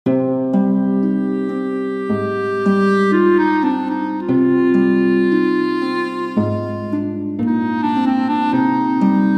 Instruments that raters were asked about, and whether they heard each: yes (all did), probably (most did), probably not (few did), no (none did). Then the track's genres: organ: no
clarinet: yes
voice: no
violin: probably
Classical